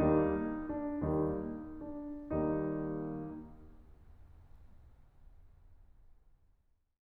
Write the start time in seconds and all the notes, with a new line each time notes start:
0.01 D#2 G3 A#3 D#4
0.73 D4
1.16 D#2 G3 A#3 D#4